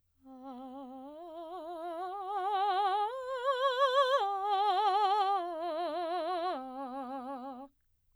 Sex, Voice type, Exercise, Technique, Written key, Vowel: female, soprano, arpeggios, slow/legato piano, C major, a